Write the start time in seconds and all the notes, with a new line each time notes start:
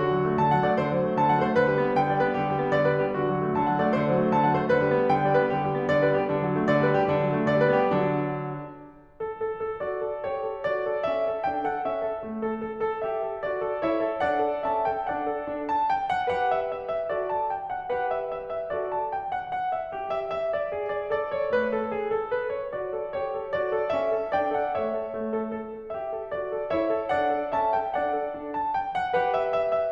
0.01 D3 F#4
0.13 F#3
0.24 A3
0.40 D3 A5
0.53 F#3 F#5
0.66 A3 D5
0.78 D3 C5
0.90 F#3
1.04 A3
1.18 D3 A5
1.31 F#3 F#5
1.41 A3 C5
1.55 D3 B4
1.68 G3
1.82 B3
1.94 D3 G5
2.10 G3 D5
2.21 B3 B4
2.32 D3 G4
2.44 G3
2.58 B3
2.72 D3 D5
2.85 G3 B4
3.04 B3 G4
3.21 D3 F#4
3.35 F#3
3.49 A3
3.64 D3 A5
3.74 F#3 F#5
3.87 A3 D5
3.99 D3 C5
4.12 F#3
4.19 A3
4.32 D3 A5
4.48 F#3 F#5
4.59 A3 C5
4.67 D3 B4
4.81 G3
4.93 B3
5.11 D3 G5
5.24 G3 D5
5.37 B3 B4
5.52 D3 G4
5.65 G3
5.76 B3
5.87 D3 D5
6.03 G3 B4
6.18 B3 G4
6.32 D3 D4
6.44 F#3
6.58 A3
6.70 D3 D5
6.83 G3 B4
6.95 B3 G4
7.09 D3 D4
7.22 F#3
7.33 A3
7.47 D3 D5
7.63 G3 B4
7.80 B3 G4
7.97 D3 F#3 D4
9.20 A4
9.42 A4
9.60 A4
9.82 F#4 D5
10.01 A4
10.21 G4 C#5
10.41 A4
10.62 F#4 D5
10.85 A4
11.08 C#4 E5
11.30 A4
11.49 D4 G5
11.65 A4 F#5
11.85 C#4 E5
12.03 A4
12.24 A3
12.46 A4
12.65 A4
12.83 A4
13.01 G4 E5
13.25 A4
13.45 F#4 D5
13.62 A4
13.83 E4 C#5 E5
14.02 A4
14.22 D4 D5 F#5
14.44 A4
14.66 C#4 E5 A5
14.87 A4 G5
15.08 D4 D5 F#5
15.27 A4
15.51 D4
15.69 A5
15.90 G5
16.09 F#5
16.31 G4 B4 F#5
16.54 E5
16.74 E5
16.91 E5
17.11 F#4 A4 D5
17.30 A5
17.50 G5
17.72 F#5
17.92 G4 B4 F#5
18.14 E5
18.36 E5
18.56 E5
18.73 F#4 A4 D5
18.92 A5
19.12 G5
19.30 F#5
19.50 F#5
19.77 E5
19.96 G4
20.14 E5
20.32 E5
20.53 D5
20.72 G#4
20.92 D5
21.12 A4 D5
21.33 C#5
21.51 A3 B4
21.72 A4
21.95 G#4
22.16 A4
22.33 B4
22.54 C#5
22.73 F#4 D5
22.95 A4
23.18 G4 C#5
23.39 A4
23.54 F#4 D5
23.75 A4
23.96 C#4 E5
24.18 A4
24.33 D4 D5 G5
24.51 A4 F#5
24.78 A3 C#5 E5
24.94 A4
25.15 A3
25.33 A4
25.54 A4
25.73 A4
25.93 G4 E5
26.13 A4
26.31 F#4 D5
26.49 A4
26.70 E4 C#5 E5
26.93 A4
27.17 D4 D5 F#5
27.39 A4
27.58 C#4 E5 A5
27.77 A4 G5
27.97 D4 D5 F#5
28.14 A4
28.37 D4
28.55 A5
28.75 G5
28.95 F#5
29.14 G4 B4 F#5
29.33 E5
29.54 E5
29.74 E5